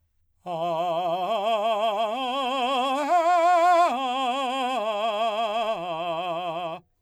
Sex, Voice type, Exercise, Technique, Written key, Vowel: male, , arpeggios, slow/legato forte, F major, a